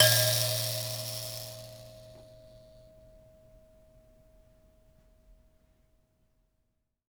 <region> pitch_keycenter=47 lokey=46 hikey=47 volume=0.515072 ampeg_attack=0.004000 ampeg_release=15.000000 sample=Idiophones/Plucked Idiophones/Mbira Mavembe (Gandanga), Zimbabwe, Low G/Mbira5_Normal_MainSpirit_A#1_k12_vl2_rr1.wav